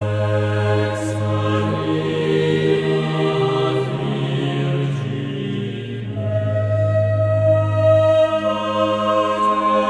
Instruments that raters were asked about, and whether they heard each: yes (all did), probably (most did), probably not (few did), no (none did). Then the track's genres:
mandolin: no
guitar: no
voice: yes
flute: no
Choral Music